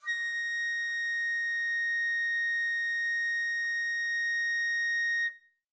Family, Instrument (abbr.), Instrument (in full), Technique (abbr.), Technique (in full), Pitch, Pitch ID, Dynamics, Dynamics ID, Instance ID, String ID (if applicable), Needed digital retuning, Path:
Winds, Fl, Flute, ord, ordinario, A#6, 94, mf, 2, 0, , TRUE, Winds/Flute/ordinario/Fl-ord-A#6-mf-N-T11d.wav